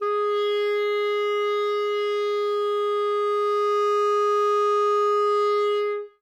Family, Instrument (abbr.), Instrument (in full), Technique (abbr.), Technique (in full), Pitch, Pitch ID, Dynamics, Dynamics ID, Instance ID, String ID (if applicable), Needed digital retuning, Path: Winds, ClBb, Clarinet in Bb, ord, ordinario, G#4, 68, ff, 4, 0, , FALSE, Winds/Clarinet_Bb/ordinario/ClBb-ord-G#4-ff-N-N.wav